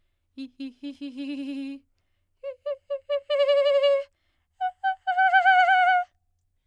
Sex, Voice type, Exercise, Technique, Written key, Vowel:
female, soprano, long tones, trillo (goat tone), , i